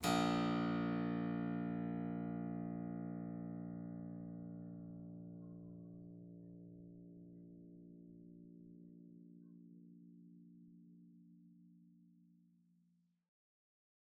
<region> pitch_keycenter=34 lokey=34 hikey=35 volume=1.463223 offset=199 trigger=attack ampeg_attack=0.004000 ampeg_release=0.350000 amp_veltrack=0 sample=Chordophones/Zithers/Harpsichord, English/Sustains/Normal/ZuckermannKitHarpsi_Normal_Sus_A#0_rr1.wav